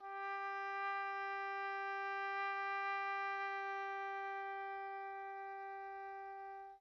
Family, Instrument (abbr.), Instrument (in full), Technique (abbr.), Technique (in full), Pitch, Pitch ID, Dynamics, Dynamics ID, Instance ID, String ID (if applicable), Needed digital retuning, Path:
Winds, Ob, Oboe, ord, ordinario, G4, 67, pp, 0, 0, , FALSE, Winds/Oboe/ordinario/Ob-ord-G4-pp-N-N.wav